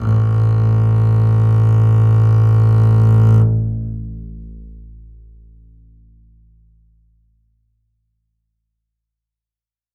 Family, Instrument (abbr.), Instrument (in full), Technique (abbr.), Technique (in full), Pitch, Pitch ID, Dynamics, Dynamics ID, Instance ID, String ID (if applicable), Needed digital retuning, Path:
Strings, Cb, Contrabass, ord, ordinario, A1, 33, ff, 4, 2, 3, FALSE, Strings/Contrabass/ordinario/Cb-ord-A1-ff-3c-N.wav